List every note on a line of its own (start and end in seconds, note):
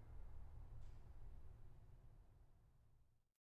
2.99 3.23 F4